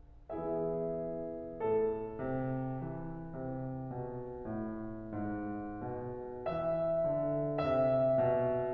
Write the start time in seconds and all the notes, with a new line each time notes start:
0.31 E3 B3 E4 G#4 E5
1.59 A2 A4
2.25 C3
2.87 E3
3.37 C3
3.86 B2
4.49 A2
5.18 G#2
5.85 B2
6.45 E3 E5
7.09 D3
7.66 C3 E5
8.24 B2